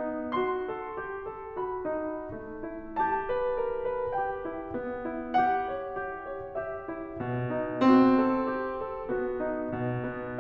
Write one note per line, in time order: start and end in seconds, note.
0.00 0.63 D#4
0.37 0.94 F#4
0.37 1.58 C6
0.65 1.16 A4
0.95 1.58 G4
1.17 1.85 A4
1.64 2.44 F#4
1.64 2.44 B5
1.86 2.64 D#4
2.46 2.96 B3
2.66 3.20 E4
2.98 3.49 G4
2.98 4.16 A5
3.22 3.91 B4
3.51 4.16 A#4
3.94 4.44 B4
4.17 4.73 G4
4.17 4.73 G5
4.46 5.06 E4
4.75 5.36 B3
5.07 5.64 E4
5.38 5.86 G4
5.38 6.47 F#5
5.65 6.07 C#5
5.87 6.47 G4
6.08 6.85 C#5
6.49 7.17 G4
6.49 7.17 E5
6.87 7.50 E4
7.19 7.89 B2
7.51 8.21 D#4
7.91 9.10 C4
7.91 8.48 F#4
8.22 8.74 A4
8.51 9.10 G4
8.85 9.38 A4
9.13 9.76 B3
9.13 9.76 F#4
9.39 9.96 D#4
9.79 10.38 B2
9.97 10.40 B3